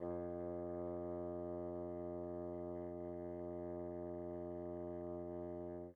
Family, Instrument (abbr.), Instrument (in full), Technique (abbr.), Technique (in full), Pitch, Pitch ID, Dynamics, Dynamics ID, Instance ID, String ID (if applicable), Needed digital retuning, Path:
Winds, Bn, Bassoon, ord, ordinario, F2, 41, pp, 0, 0, , TRUE, Winds/Bassoon/ordinario/Bn-ord-F2-pp-N-T17d.wav